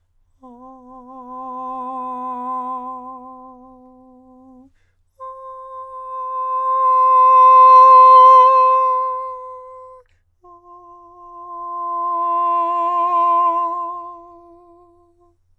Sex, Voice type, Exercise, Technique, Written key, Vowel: male, countertenor, long tones, messa di voce, , a